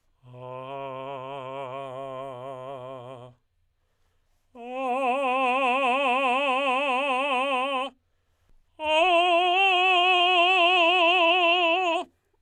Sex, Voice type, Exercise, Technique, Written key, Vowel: male, tenor, long tones, trill (upper semitone), , a